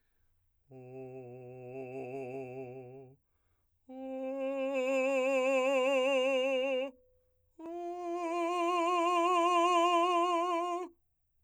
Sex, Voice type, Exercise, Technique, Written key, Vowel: male, , long tones, messa di voce, , o